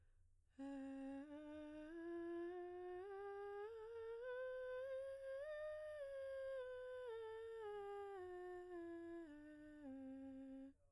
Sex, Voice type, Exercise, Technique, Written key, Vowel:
female, soprano, scales, breathy, , e